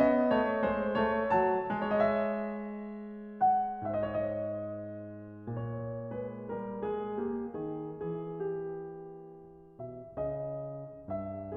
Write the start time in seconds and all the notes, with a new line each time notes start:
0.00 B3 D#5
0.30 A3
0.35 C#5
0.62 G#3
0.74 C5
1.01 A3 C#5
1.28 F#3
1.35 A5
1.78 G#3
1.97 C#5 E5
3.42 F#5
3.85 G#2
4.19 C5 E5
4.28 D#5
4.44 C#5
4.54 D#5
5.53 A#2 C#5
6.07 G#3
6.12 B4
6.42 G3
6.49 A#4
6.85 G#3
6.92 G#4
7.26 A#3
7.31 G4
7.52 D#3
7.57 G#4
8.25 E3
8.32 G#4
8.94 G4
9.85 B2 E5
10.18 C#3
10.24 D#5
11.06 G2
11.16 E5